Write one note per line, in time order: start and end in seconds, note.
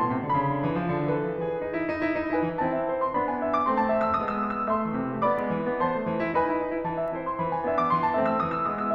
0.00 0.14 B2
0.00 0.52 A5
0.00 0.27 C6
0.14 0.27 C3
0.28 0.38 D3
0.28 0.52 B5
0.38 0.52 C#3
0.52 0.65 D3
0.65 0.79 E3
0.79 0.94 F3
0.95 1.11 D3
1.11 1.30 E3
1.11 1.43 A4
1.11 1.75 B4
1.30 1.43 F3
1.43 1.61 E3
1.43 1.75 G#4
1.63 1.75 D#4
1.75 1.88 E4
1.88 2.01 D#4
2.01 2.12 E4
2.14 2.28 D#4
2.28 2.39 E4
2.28 2.58 B4
2.28 2.58 G#5
2.39 2.58 E3
2.58 4.68 E3
2.58 3.15 C4
2.58 3.15 E4
2.58 2.74 A5
2.75 2.90 E5
2.90 3.03 C5
3.03 3.15 C6
3.15 3.68 B3
3.15 3.68 D4
3.15 3.27 B5
3.27 3.39 G#5
3.40 3.55 E5
3.55 3.68 D6
3.68 4.18 A3
3.68 4.18 C4
3.68 3.81 C6
3.81 3.91 A5
3.92 4.05 E5
4.05 4.18 E6
4.18 4.68 G#3
4.18 4.68 B3
4.18 4.33 D#6
4.33 4.44 E6
4.45 4.57 D#6
4.57 4.68 E6
4.68 4.84 A3
4.68 5.26 E5
4.68 5.26 C6
4.68 5.26 E6
4.84 4.99 E3
4.99 5.11 C3
5.13 5.26 C4
5.26 5.40 B3
5.26 5.82 D5
5.26 5.82 B5
5.26 5.82 D6
5.40 5.53 G#3
5.53 5.67 E3
5.68 5.82 D4
5.82 5.96 C4
5.82 6.35 C5
5.82 6.35 A5
5.82 6.35 C6
5.96 6.08 A3
6.08 6.22 E3
6.23 6.35 E4
6.35 6.49 D#4
6.35 6.87 B4
6.35 6.87 G#5
6.35 6.87 B5
6.49 6.59 E4
6.59 6.71 D#4
6.72 6.87 E4
6.87 7.37 E3
6.87 7.00 A5
7.00 7.13 E5
7.13 7.66 C4
7.13 7.66 E4
7.13 7.29 C5
7.29 7.37 C6
7.38 7.92 E3
7.38 7.50 B5
7.50 7.66 G#5
7.66 8.15 B3
7.66 8.15 D4
7.66 7.81 E5
7.81 7.92 D6
7.92 8.39 E3
7.92 8.03 C6
8.03 8.15 A5
8.15 8.66 A3
8.15 8.66 C4
8.15 8.28 E5
8.28 8.39 E6
8.41 8.95 E3
8.41 8.52 D#6
8.52 8.66 E6
8.66 8.95 G#3
8.66 8.95 B3
8.66 8.79 D#6
8.79 8.95 E6